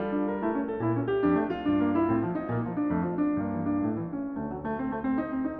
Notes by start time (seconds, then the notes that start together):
0.00 G3 F4
0.19 D4
0.31 A#4
0.46 A3 E4
0.58 C#4
0.67 A4
0.82 A#2 E4
0.94 C#4
1.06 G4
1.18 F2 D4
1.30 A3
1.47 F4
1.64 G2 D4
1.80 A#3
1.94 E4
2.09 A2 C4
2.22 G3
2.36 D#4
2.50 A#2 A#3
2.61 G3
2.77 D4
2.91 F2 A3
3.01 F3
3.12 D4
3.27 G2 A#3
3.51 E3
3.65 D4
3.81 A2 A3
3.99 E3
4.13 C#4
4.33 D2 A3
4.50 F#3
4.68 A3
4.83 C4
4.96 A3
5.05 C4
5.22 D#4
5.34 C4
5.46 D#4